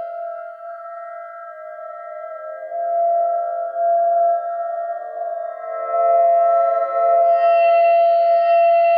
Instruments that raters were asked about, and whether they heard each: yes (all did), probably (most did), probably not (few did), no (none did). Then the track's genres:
clarinet: no
flute: no
Noise; Experimental; Ambient Electronic